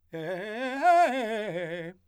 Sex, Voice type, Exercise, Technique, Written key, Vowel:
male, , arpeggios, fast/articulated forte, F major, e